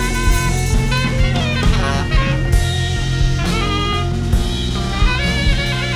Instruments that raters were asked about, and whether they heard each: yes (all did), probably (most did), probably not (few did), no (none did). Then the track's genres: saxophone: yes
Experimental